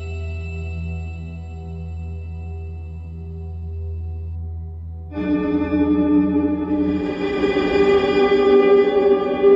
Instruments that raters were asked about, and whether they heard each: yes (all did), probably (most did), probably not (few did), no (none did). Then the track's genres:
organ: yes
Noise; Industrial; Ambient